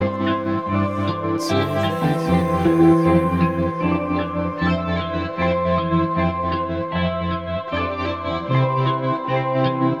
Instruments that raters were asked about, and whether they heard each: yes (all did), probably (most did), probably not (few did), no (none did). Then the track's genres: cello: probably not
violin: probably not
Indie-Rock